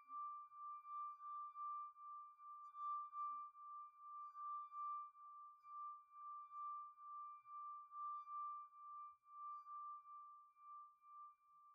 <region> pitch_keycenter=86 lokey=85 hikey=87 tune=-5 volume=29.998107 trigger=attack ampeg_attack=0.004000 ampeg_release=0.500000 sample=Idiophones/Friction Idiophones/Wine Glasses/Sustains/Slow/glass4_D5_Slow_2_Main.wav